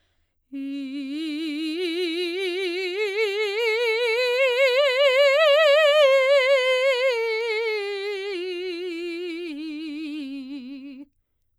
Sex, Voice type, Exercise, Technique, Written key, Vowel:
female, soprano, scales, slow/legato forte, C major, i